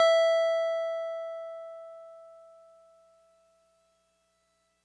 <region> pitch_keycenter=76 lokey=75 hikey=78 volume=7.816584 lovel=100 hivel=127 ampeg_attack=0.004000 ampeg_release=0.100000 sample=Electrophones/TX81Z/Piano 1/Piano 1_E4_vl3.wav